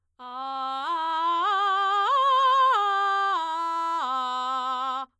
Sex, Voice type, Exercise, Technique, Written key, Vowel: female, soprano, arpeggios, belt, , a